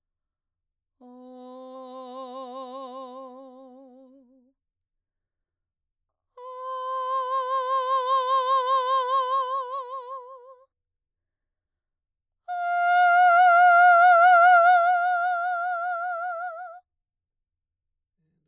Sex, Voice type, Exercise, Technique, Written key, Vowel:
female, mezzo-soprano, long tones, messa di voce, , o